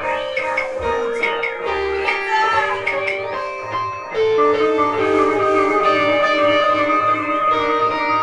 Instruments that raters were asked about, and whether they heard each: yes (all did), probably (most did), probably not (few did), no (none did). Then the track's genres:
clarinet: no
banjo: no
Lo-Fi; Experimental; Freak-Folk